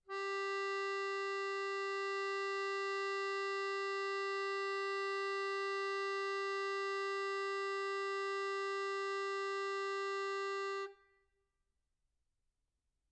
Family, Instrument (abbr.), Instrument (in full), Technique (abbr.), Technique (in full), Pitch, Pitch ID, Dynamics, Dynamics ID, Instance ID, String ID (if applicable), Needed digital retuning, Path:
Keyboards, Acc, Accordion, ord, ordinario, G4, 67, mf, 2, 3, , FALSE, Keyboards/Accordion/ordinario/Acc-ord-G4-mf-alt3-N.wav